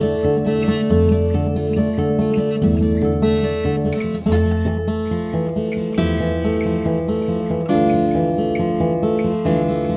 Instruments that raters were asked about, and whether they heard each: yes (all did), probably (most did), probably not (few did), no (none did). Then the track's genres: guitar: yes
drums: no
Folk; Noise; Shoegaze